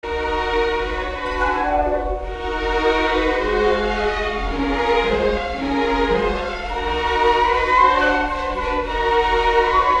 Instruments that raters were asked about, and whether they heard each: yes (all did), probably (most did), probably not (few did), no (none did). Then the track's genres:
violin: probably not
Classical